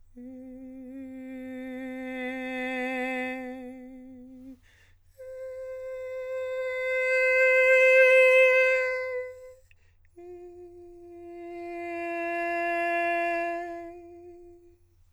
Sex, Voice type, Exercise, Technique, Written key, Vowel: male, countertenor, long tones, messa di voce, , e